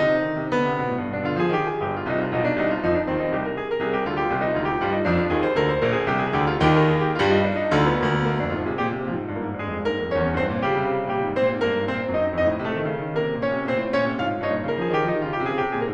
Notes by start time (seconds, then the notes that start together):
0.01 C3 D#4
0.12 D3
0.25 D#3
0.39 C3
0.51 D3 B3
0.66 C3
0.81 B2
0.92 A2
1.06 G2
1.18 B2 D4
1.28 D3 F4
1.40 F3 G#4
1.55 D#3 G4
1.68 G#4
1.83 G1 G2 G4
1.94 F4
2.06 C2 C3 D#4
2.21 F4
2.30 B1 B2 D#4
2.41 D4
2.56 C2 C3 D#4
2.71 F4
2.86 F2 F3 D#4
2.98 D4
3.09 D#2 D#3 C4
3.20 D#4
3.31 C2 C3 G4
3.42 A#4
3.57 G#4
3.71 A#4
3.83 C2 C3 G#4
3.96 G4
4.09 D2 D3 F4
4.19 G4
4.29 C2 C3 F4
4.42 D#4
4.59 D2 D3 F4
4.72 G4
4.84 G2 G3 F4
4.95 D#4
5.10 F2 F3 D4
5.22 F4
5.31 D#2 D#3 G#4
5.44 C5
5.58 D2 D3 A#4
5.75 C5
5.86 A#1 A#2 A#4
5.98 G#4
6.11 C2 C3 G4
6.23 G#4
6.41 D2 D3 G4
6.54 F4
6.66 D#2 D#3 G4
6.80 A#4
6.93 G#4
7.09 G4
7.22 G2 G3 F4
7.38 D#4
7.51 D4
7.65 D#4
7.76 D2 D3 F4
7.87 B3
7.98 D2 A#3
8.11 B3
8.28 A#3
8.40 F2 D4
8.50 G#2 F4
8.69 C3 G#4
8.83 A#2 G4
8.96 C3
9.08 A#2 F3 F4
9.20 G#2
9.32 G2 A#3 A#4
9.44 G#2
9.58 G2 G#3 G#4
9.69 F2
9.83 G2 A#3 A#4
9.97 G#2
10.08 G2 C#4 C#5
10.21 F2
10.34 E2 C4 C5
10.44 G2
10.55 A#2 G3 G4
10.68 C#3
10.85 C3
10.99 C#3
11.13 C3 G3 G4
11.24 A#2
11.35 G#2 C4 C5
11.51 A#2
11.63 G#2 A#3 A#4
11.76 G2
11.91 G#2 C4 C5
12.01 A#2
12.12 G#2 D#4 D#5
12.22 F#2
12.31 F2 D#4 D#5
12.45 A2
12.63 C3 A3 A4
12.75 D#3
12.88 C#3
13.03 D#3
13.17 D3 A#3 A#4
13.28 C3
13.38 A#2 C#4 C#5
13.50 C3
13.65 A#2 C4 C5
13.80 A2
13.94 A#2 C#4 C#5
14.08 C3
14.18 A#2 F4 F5
14.27 G#2
14.39 G2 D#4 D#5
14.53 A#2
14.66 D3 A#4
14.77 F3 G#4
14.90 D#3 G4
15.01 F3 D#4
15.13 D#3 F4
15.26 C#3 G4
15.38 C3 G#4
15.48 C#3 G4
15.62 C3 G#4
15.80 A#2 A#4